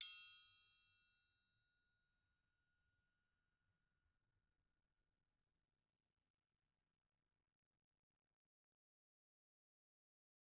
<region> pitch_keycenter=65 lokey=65 hikey=65 volume=17.801556 offset=183 lovel=84 hivel=127 seq_position=2 seq_length=2 ampeg_attack=0.004000 ampeg_release=30.000000 sample=Idiophones/Struck Idiophones/Triangles/Triangle3_Hit_v2_rr2_Mid.wav